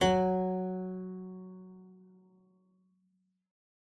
<region> pitch_keycenter=54 lokey=54 hikey=55 volume=-3.111599 offset=94 trigger=attack ampeg_attack=0.004000 ampeg_release=0.350000 amp_veltrack=0 sample=Chordophones/Zithers/Harpsichord, English/Sustains/Lute/ZuckermannKitHarpsi_Lute_Sus_F#2_rr1.wav